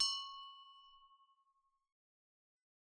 <region> pitch_keycenter=60 lokey=60 hikey=60 volume=15.000000 ampeg_attack=0.004000 ampeg_release=30.000000 sample=Idiophones/Struck Idiophones/Hand Bells, Nepalese/HB_1.wav